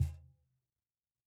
<region> pitch_keycenter=61 lokey=61 hikey=61 volume=7.524177 lovel=0 hivel=65 seq_position=1 seq_length=2 ampeg_attack=0.004000 ampeg_release=30.000000 sample=Idiophones/Struck Idiophones/Cajon/Cajon_hit2_pp_rr2.wav